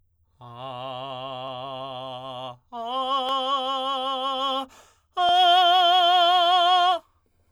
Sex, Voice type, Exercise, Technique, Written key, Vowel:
male, tenor, long tones, full voice forte, , a